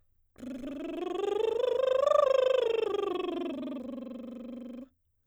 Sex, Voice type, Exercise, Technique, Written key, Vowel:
female, soprano, scales, lip trill, , a